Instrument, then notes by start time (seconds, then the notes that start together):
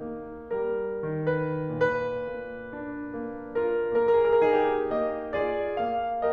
piano
0.00 A#3
0.50 G3 A#4
1.03 D#3
1.38 B4
1.73 A#2 B4
2.30 A#3
2.72 D4
3.27 A#3
3.77 F4 A#4
4.18 A#3 G#4
4.28 A#4
4.37 G#4
4.44 A#4
4.50 D#4 G4
4.89 A#3 D#5
5.35 F4 G#4 D5
5.78 A#3 F5